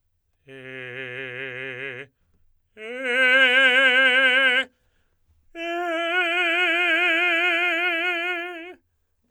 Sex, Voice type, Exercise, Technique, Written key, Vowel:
male, tenor, long tones, full voice forte, , e